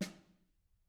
<region> pitch_keycenter=61 lokey=61 hikey=61 volume=25.528138 offset=203 lovel=0 hivel=54 seq_position=2 seq_length=2 ampeg_attack=0.004000 ampeg_release=15.000000 sample=Membranophones/Struck Membranophones/Snare Drum, Modern 2/Snare3M_HitSN_v2_rr2_Mid.wav